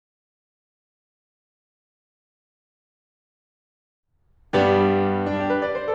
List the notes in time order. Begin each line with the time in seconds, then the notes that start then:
4.48 G2 G3 B3 D4 G4
5.32 D4
5.44 G4
5.56 B4
5.68 D5
5.82 C5